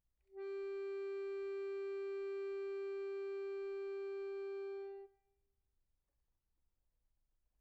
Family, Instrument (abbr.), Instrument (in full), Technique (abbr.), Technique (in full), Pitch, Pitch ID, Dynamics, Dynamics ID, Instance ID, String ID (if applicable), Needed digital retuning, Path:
Keyboards, Acc, Accordion, ord, ordinario, G4, 67, pp, 0, 0, , FALSE, Keyboards/Accordion/ordinario/Acc-ord-G4-pp-N-N.wav